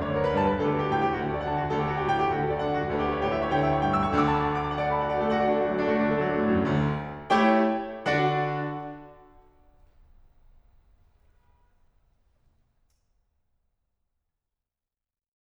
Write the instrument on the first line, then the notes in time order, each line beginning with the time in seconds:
piano
0.00 D2 D3 C#5
0.09 B4
0.21 A#4
0.29 B4
0.41 G2 G3 B5
0.51 B4
0.62 D2 D3 A4
0.72 G4
0.82 F#4
0.95 G4
1.02 A2 A3 G5
1.11 G4
1.24 D2 D3 F#4
1.32 A4
1.40 D5
1.49 F#5
1.57 D3 D4 A5
1.65 F#4
1.72 D2 D3 A4
1.82 G4
1.92 F#4
2.01 G4
2.09 A2 A3 G5
2.17 G4
2.31 D2 D3 F#4
2.39 A4
2.57 D5
2.65 F#5
2.72 D3 D4 A5
2.80 F#4
2.89 D2 D3 A4
3.01 G4
3.10 C#5
3.20 G4
3.29 A2 A3 E5
3.44 C#5
3.52 D2 D3 G5
3.60 E5
3.69 C#6
3.85 G5
3.94 A2 A3 E6
4.05 C#6
4.13 D2 D3 D6
4.27 A5
4.41 F#5
4.52 D6
4.62 A5
4.71 F#5
4.79 D4 D5
4.90 A4 A5
5.00 F#4 F#5
5.12 D4 D5
5.24 A3 A4
5.34 F#4 F#5
5.43 D4 D5
5.54 A3 A4
5.61 F#3 F#4
5.72 D4 D5
5.80 A3 A4
5.90 F#3 F#4
5.98 D3 D4
6.08 A3 A4
6.18 F#3 F#4
6.28 D3 D4
6.40 A2 A3
6.50 F#2 F#3
6.61 D2 D3
7.33 A3 E4 G4 C#5 G5
8.08 D3 D4 F#4 D5 F#5
12.26 F#4